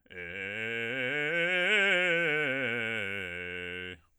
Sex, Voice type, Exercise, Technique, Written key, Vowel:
male, bass, scales, fast/articulated forte, F major, e